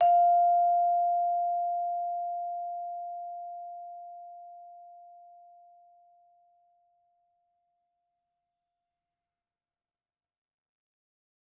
<region> pitch_keycenter=77 lokey=76 hikey=79 volume=6.427426 offset=120 lovel=84 hivel=127 ampeg_attack=0.004000 ampeg_release=15.000000 sample=Idiophones/Struck Idiophones/Vibraphone/Soft Mallets/Vibes_soft_F4_v2_rr1_Main.wav